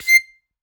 <region> pitch_keycenter=96 lokey=95 hikey=98 tune=-1 volume=-1.619612 seq_position=2 seq_length=2 ampeg_attack=0.004000 ampeg_release=0.300000 sample=Aerophones/Free Aerophones/Harmonica-Hohner-Special20-F/Sustains/Stac/Hohner-Special20-F_Stac_C6_rr2.wav